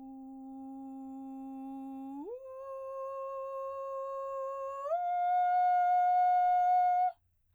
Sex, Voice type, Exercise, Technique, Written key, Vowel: female, soprano, long tones, straight tone, , u